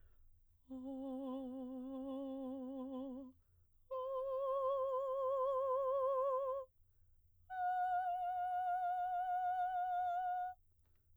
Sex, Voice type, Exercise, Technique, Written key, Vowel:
female, soprano, long tones, full voice pianissimo, , o